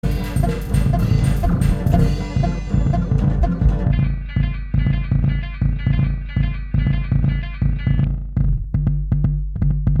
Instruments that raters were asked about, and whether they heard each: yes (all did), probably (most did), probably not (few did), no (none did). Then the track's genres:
bass: probably not
Electronic